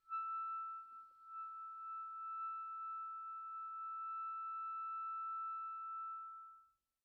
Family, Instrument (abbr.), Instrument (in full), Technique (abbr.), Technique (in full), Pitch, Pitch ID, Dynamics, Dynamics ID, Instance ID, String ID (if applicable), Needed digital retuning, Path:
Winds, ClBb, Clarinet in Bb, ord, ordinario, E6, 88, pp, 0, 0, , FALSE, Winds/Clarinet_Bb/ordinario/ClBb-ord-E6-pp-N-N.wav